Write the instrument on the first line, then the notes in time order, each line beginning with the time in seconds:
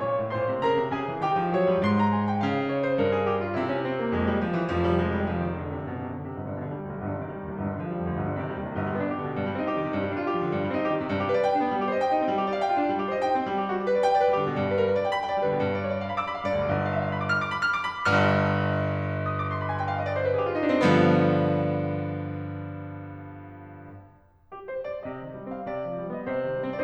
piano
0.00 A#2 C#5 C#6
0.16 A2
0.31 A#2 C5 C6
0.45 C3
0.59 C#3 A#4 A#5
0.72 C3
0.93 C#3 G#4 G#5
1.08 D3
1.22 D#3 G4 G5
1.38 F3
1.56 F#3 C#5
1.67 G3
1.80 G#2 C6
1.97 A#5
2.14 G#5
2.28 G5
2.43 C#3 F5
2.57 D#5
2.71 C#5
2.83 C5
3.00 G2 A#4
3.12 G#4
3.27 G4
3.40 F4
3.53 C3 E4
3.69 C#4
3.87 C4
3.98 A#3
4.13 F2 G#3
4.30 G3
4.41 F3
4.56 E3
4.73 F1 F2 F3
4.90 G3
5.03 G#3
5.15 G3
5.31 F3
5.46 D#3
5.58 D3
5.71 C3
5.85 F#1 F#2 B2
5.97 C3
6.12 D3
6.25 C3
6.37 G1
6.47 G2
6.59 B2
6.65 D3
6.72 G3
6.87 D2
6.97 B1
7.02 G1
7.11 G2
7.19 C3
7.27 D#3
7.33 G3
7.44 D#2
7.51 C2
7.57 G1
7.64 G2
7.72 D3
7.78 F3
7.84 G3
7.99 F2
8.06 D2
8.16 G1
8.23 G2
8.29 C3
8.36 D#3
8.48 G3
8.61 D#2
8.68 C2
8.75 G1
8.82 G3
8.89 B3
9.01 D4
9.10 G4
9.23 D3
9.31 B2
9.38 G2
9.46 G3 C4
9.56 D#4
9.62 G4
9.78 D#3
9.85 C3
9.93 G2
10.00 G3
10.09 D4
10.16 F4
10.24 G4
10.36 F3
10.44 D3
10.51 G2
10.60 G3
10.67 C4
10.76 D#4
10.84 G4
10.98 D#3
11.06 C3
11.13 G2
11.22 G4
11.28 B4
11.35 D5
11.42 G5
11.58 D4
11.64 B3
11.74 G3
11.81 G4
11.88 C5
11.95 D#5
12.03 G5
12.19 D#4
12.25 C4
12.32 G3
12.39 G4
12.47 D5
12.55 F5
12.61 G5
12.76 F4
12.83 D4
12.90 G3
12.97 G4
13.05 C5
13.13 D#5
13.19 G5
13.29 D#4
13.39 C4
13.47 G3
13.55 G4
13.65 F#4
13.76 G4
13.84 B4
13.94 D5
14.04 G5
14.15 D5
14.23 B4
14.33 G3 G4
14.43 D3
14.54 B2
14.63 G2
14.71 B4
14.79 A#4
14.88 B4
14.98 D5
15.06 G5
15.15 B5
15.24 G5
15.35 D5
15.43 G3 B4
15.49 D3
15.56 B2
15.66 G2
15.77 D5
15.87 C#5
15.94 D5
16.03 F5
16.14 B5
16.21 D6
16.28 B5
16.35 F5
16.44 G2 D5
16.54 D2
16.64 B1
16.74 G1
16.85 F5
16.96 E5
17.04 F5
17.16 B5
17.28 D6
17.38 F6
17.45 D6
17.55 B5
17.65 F6
17.76 D6
17.93 B5
18.08 G1 G2 F6
19.19 D#6
19.35 D6
19.47 C6
19.60 B5
19.69 G#5
19.79 G5
19.86 F5
19.98 D#5
20.06 D5
20.14 C5
20.22 B4
20.33 G#4
20.43 F4 G4
20.53 D#4
20.61 D4
20.71 C4
20.81 G2 D3 F3 B3
24.51 G4
24.67 C5
24.86 D5
25.03 C3 D#5
25.18 D#3
25.36 G3
25.52 C4 F5
25.67 C3 D5
25.81 F3
25.95 G3
26.10 B3 D#5
26.24 C3 C5
26.45 D#3
26.59 G3
26.74 C4